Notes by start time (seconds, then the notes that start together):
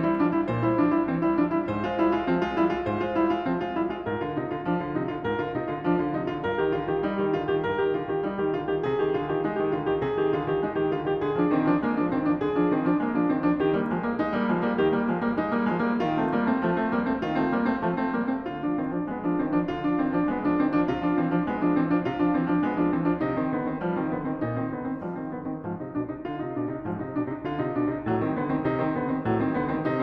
0.00 G3 E4
0.14 F3 D4
0.29 G3 E4
0.46 A#2 C5
0.64 G3 E4
0.77 F3 D4
0.89 G3 E4
1.07 E3 C4
1.23 G3 E4
1.36 F3 D4
1.52 G3 E4
1.67 G#2 C5
1.85 G#3 F4
1.99 G3 E4
2.12 G#3 F4
2.26 F3 C4
2.39 G#3 F4
2.53 G3 E4
2.65 G#3 F4
2.82 G#2 C5
3.00 G#3 F4
3.15 G3 E4
3.31 G#3 F4
3.47 F3 C4
3.60 G#3 F4
3.74 G3 E4
3.88 G#3 F4
4.03 G#2 A#4
4.20 D3 F4
4.40 C3 D#4
4.52 D3 F4
4.63 F3 D4
4.77 D3 F4
4.92 C3 D#4
5.06 D3 F4
5.21 G#2 A#4
5.36 D3 F4
5.56 C3 D#4
5.71 D3 F4
5.86 F3 D4
6.00 D3 F4
6.13 C3 D#4
6.27 D3 F4
6.43 G2 A#4
6.58 D#3 G4
6.73 D3 F4
6.90 D#3 G4
7.05 G3 D#4
7.17 D#3 G4
7.35 D3 F4
7.45 D#3 G4
7.60 G2 A#4
7.73 D#3 G4
7.93 D3 F4
8.08 D#3 G4
8.24 G3 D#4
8.38 D#3 G4
8.54 D3 F4
8.70 D#3 G4
8.87 C3 G#4
9.01 D#3 G4
9.15 D3 F4
9.32 D#3 G4
9.51 G#3 D#4
9.64 D#3 G4
9.74 D3 F4
9.87 D#3 G4
10.00 C3 G#4
10.19 D#3 G4
10.36 D3 F4
10.50 D#3 G4
10.66 G#3 D#4
10.80 D#3 G4
10.91 D3 F4
11.04 D#3 G4
11.19 D3 G#4
11.35 F3 D4
11.51 D#3 C4
11.62 F3 D4
11.80 G#3 A#3
11.97 F3 D4
12.12 D#3 C4
12.25 F3 D4
12.42 D3 G#4
12.56 F3 D4
12.68 D#3 C4
12.82 F3 D4
12.96 G#3 A#3
13.08 F3 D4
13.24 D#3 C4
13.43 F3 D4
13.62 D#3 G4
13.77 G3 A#3
13.93 F3 G#3
14.07 G3 A#3
14.20 G#3 D#4
14.33 G3 A#3
14.45 F3 G#3
14.57 G3 A#3
14.73 D#3 G4
14.93 G3 A#3
15.08 F3 G#3
15.21 G3 A#3
15.36 G#3 D#4
15.50 G3 A#3
15.64 F3 G#3
15.81 G3 A#3
15.98 D#3 F4
16.17 A3 C4
16.36 G3 A#3
16.47 A3 C4
16.61 F3 A3
16.75 A3 C4
16.90 G3 A#3
17.04 A3 C4
17.16 D#3 F4
17.33 A3 C4
17.52 G3 A#3
17.66 A3 C4
17.79 F3 A3
17.93 A3 C4
18.10 G3 A#3
18.29 A3 C4
18.49 D3 F4
18.65 F3 D4
18.77 D#3 C4
18.92 F3 D4
19.04 G#3 B3
19.24 F3 D4
19.41 D#3 C4
19.50 F3 D4
19.62 D3 F4
19.80 F3 D4
19.96 D#3 C4
20.13 F3 D4
20.27 G#3 B3
20.40 F3 D4
20.60 D#3 C4
20.74 F3 D4
20.86 C3 F4
21.00 F3 D4
21.16 E3 C4
21.28 F3 D4
21.43 G#3 B3
21.58 F3 D4
21.75 E3 C4
21.91 F3 D4
22.07 C3 F4
22.20 F3 D4
22.37 E3 C4
22.45 F3 D4
22.63 G#3 B3
22.76 F3 D4
22.91 E3 C4
23.02 F3 D4
23.22 C3 D#4
23.37 D#3 C4
23.52 D3 B3
23.66 D#3 C4
23.82 F3 G3
23.94 D#3 C4
24.13 D3 B3
24.28 D#3 C4
24.40 A#2 D#4
24.61 D#3 C4
24.72 D3 B3
24.85 D#3 C4
25.01 F3 G3
25.17 D#3 C4
25.26 D3 B3
25.40 D#3 C4
25.59 G#2 F3
25.76 C3 D#4
25.93 B2 D4
26.09 C3 D#4
26.24 D3 F4
26.39 C3 D#4
26.54 B2 D4
26.70 C3 D#4
26.85 G#2 F3
27.00 C3 D#4
27.14 B2 D4
27.28 C3 D#4
27.43 D3 F4
27.60 C3 D#4
27.75 B2 D4
27.92 C3 D#4
28.07 A2 F#3
28.25 D#3 C4
28.40 D3 B3
28.50 D#3 C4
28.64 C3 D#4
28.78 D#3 C4
28.98 D3 B3
29.13 D#3 C4
29.27 A2 F#3
29.40 D#3 C4
29.56 D3 B3
29.68 D#3 C4
29.87 C3 D#4